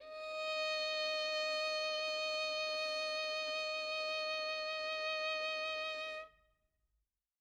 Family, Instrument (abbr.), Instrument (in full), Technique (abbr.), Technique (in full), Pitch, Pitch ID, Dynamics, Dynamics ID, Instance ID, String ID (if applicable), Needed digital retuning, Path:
Strings, Vn, Violin, ord, ordinario, D#5, 75, mf, 2, 3, 4, FALSE, Strings/Violin/ordinario/Vn-ord-D#5-mf-4c-N.wav